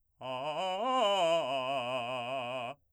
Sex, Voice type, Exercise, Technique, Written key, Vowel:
male, , arpeggios, fast/articulated forte, C major, a